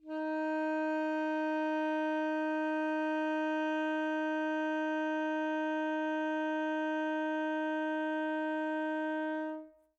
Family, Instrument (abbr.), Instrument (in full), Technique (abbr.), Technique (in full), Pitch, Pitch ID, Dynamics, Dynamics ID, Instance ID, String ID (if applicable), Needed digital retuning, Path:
Winds, ASax, Alto Saxophone, ord, ordinario, D#4, 63, mf, 2, 0, , FALSE, Winds/Sax_Alto/ordinario/ASax-ord-D#4-mf-N-N.wav